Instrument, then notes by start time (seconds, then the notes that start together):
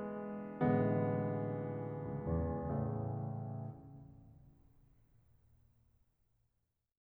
piano
0.00 A1 D3 E3 G#3 B3
1.09 C#2
1.38 E2
2.04 A2 C#3 E3 A3